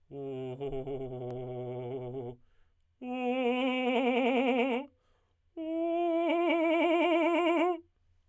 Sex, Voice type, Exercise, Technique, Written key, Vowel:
male, tenor, long tones, trillo (goat tone), , u